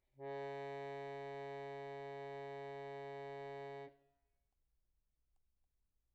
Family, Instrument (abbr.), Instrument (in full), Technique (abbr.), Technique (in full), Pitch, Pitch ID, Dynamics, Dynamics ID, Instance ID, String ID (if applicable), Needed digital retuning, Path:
Keyboards, Acc, Accordion, ord, ordinario, C#3, 49, pp, 0, 1, , FALSE, Keyboards/Accordion/ordinario/Acc-ord-C#3-pp-alt1-N.wav